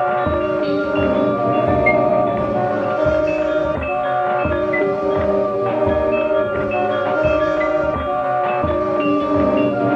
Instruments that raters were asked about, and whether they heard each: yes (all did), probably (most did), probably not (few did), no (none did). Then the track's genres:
mallet percussion: probably
Experimental; Sound Collage; Trip-Hop